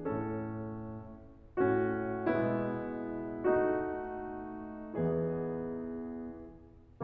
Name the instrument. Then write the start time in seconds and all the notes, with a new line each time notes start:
piano
0.00 A2 A3 C#4 A4
1.64 A2 A3 C#4 F#4
2.36 B2 G#3 B3 E4
3.48 A3 D#4 F#4
4.93 E2 E3 B3 E4 G#4